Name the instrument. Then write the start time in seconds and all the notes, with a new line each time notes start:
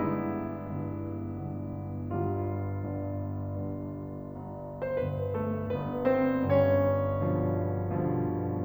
piano
0.00 G1 G2 G#3 B3 D4 E4
0.73 G1 G2
1.40 G1 G2
1.97 G1 G2 G3 F4
2.84 G1 G2
3.42 G1 G2
4.12 G1 G2
4.79 G1 G2 C4 C5
4.97 B3 B4
5.36 A3 A4
5.71 G1 G2 B3 B4
6.06 C4 C5
6.46 G1 G2 C#4 C#5
7.21 G2 B2 D3 F3
7.89 G2 B2 D3 F3